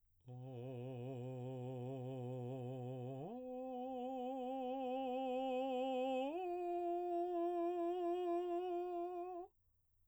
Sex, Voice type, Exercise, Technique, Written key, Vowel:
male, baritone, long tones, full voice pianissimo, , o